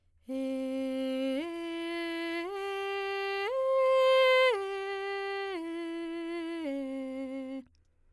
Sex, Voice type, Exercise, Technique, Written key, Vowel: female, soprano, arpeggios, straight tone, , e